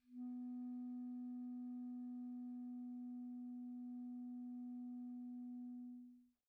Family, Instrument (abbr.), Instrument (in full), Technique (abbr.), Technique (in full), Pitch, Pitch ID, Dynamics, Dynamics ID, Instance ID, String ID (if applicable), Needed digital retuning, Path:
Winds, ClBb, Clarinet in Bb, ord, ordinario, B3, 59, pp, 0, 0, , TRUE, Winds/Clarinet_Bb/ordinario/ClBb-ord-B3-pp-N-T12d.wav